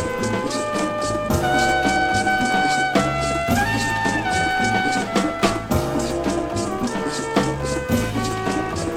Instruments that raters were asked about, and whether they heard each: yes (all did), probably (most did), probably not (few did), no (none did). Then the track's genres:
trumpet: yes
clarinet: no
Experimental Pop